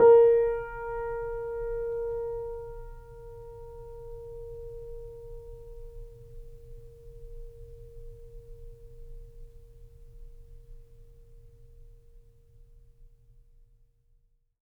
<region> pitch_keycenter=70 lokey=70 hikey=71 volume=-1.234402 lovel=0 hivel=65 locc64=0 hicc64=64 ampeg_attack=0.004000 ampeg_release=0.400000 sample=Chordophones/Zithers/Grand Piano, Steinway B/NoSus/Piano_NoSus_Close_A#4_vl2_rr1.wav